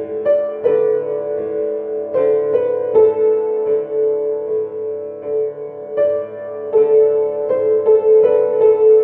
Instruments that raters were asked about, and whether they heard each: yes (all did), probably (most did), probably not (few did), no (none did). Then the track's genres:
piano: yes
Avant-Garde; Experimental; Loud-Rock; Noise-Rock; Alternative Hip-Hop